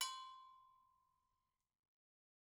<region> pitch_keycenter=61 lokey=61 hikey=61 volume=11.252457 offset=200 lovel=84 hivel=127 ampeg_attack=0.004000 ampeg_release=15.000000 sample=Idiophones/Struck Idiophones/Agogo Bells/Agogo_Low_v2_rr1_Mid.wav